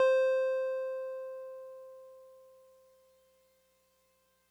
<region> pitch_keycenter=72 lokey=71 hikey=74 volume=11.830386 lovel=66 hivel=99 ampeg_attack=0.004000 ampeg_release=0.100000 sample=Electrophones/TX81Z/Piano 1/Piano 1_C4_vl2.wav